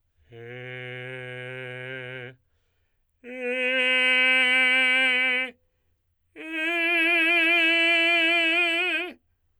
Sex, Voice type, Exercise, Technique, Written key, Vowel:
male, tenor, long tones, straight tone, , e